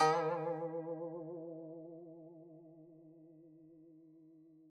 <region> pitch_keycenter=51 lokey=51 hikey=52 volume=11.979011 lovel=0 hivel=83 ampeg_attack=0.004000 ampeg_release=0.300000 sample=Chordophones/Zithers/Dan Tranh/Vibrato/D#2_vib_mf_1.wav